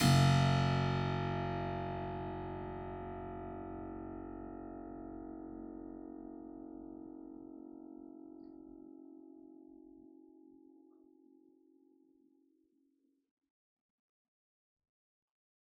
<region> pitch_keycenter=30 lokey=30 hikey=30 volume=0.631566 trigger=attack ampeg_attack=0.004000 ampeg_release=0.400000 amp_veltrack=0 sample=Chordophones/Zithers/Harpsichord, Unk/Sustains/Harpsi4_Sus_Main_F#0_rr1.wav